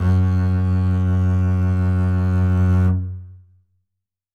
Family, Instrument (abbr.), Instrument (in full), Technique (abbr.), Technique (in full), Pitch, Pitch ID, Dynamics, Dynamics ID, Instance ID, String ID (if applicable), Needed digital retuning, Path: Strings, Cb, Contrabass, ord, ordinario, F#2, 42, ff, 4, 2, 3, FALSE, Strings/Contrabass/ordinario/Cb-ord-F#2-ff-3c-N.wav